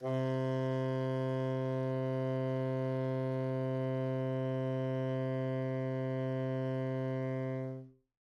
<region> pitch_keycenter=48 lokey=48 hikey=49 volume=20.279898 lovel=0 hivel=83 ampeg_attack=0.004000 ampeg_release=0.500000 sample=Aerophones/Reed Aerophones/Tenor Saxophone/Non-Vibrato/Tenor_NV_Main_C2_vl2_rr1.wav